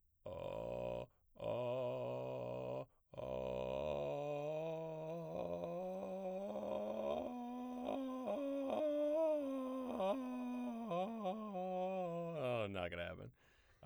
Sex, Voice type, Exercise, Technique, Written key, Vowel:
male, baritone, scales, vocal fry, , o